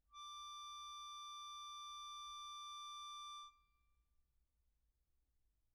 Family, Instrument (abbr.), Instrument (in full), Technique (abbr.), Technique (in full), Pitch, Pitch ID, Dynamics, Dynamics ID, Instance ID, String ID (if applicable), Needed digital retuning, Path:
Keyboards, Acc, Accordion, ord, ordinario, D6, 86, pp, 0, 0, , FALSE, Keyboards/Accordion/ordinario/Acc-ord-D6-pp-N-N.wav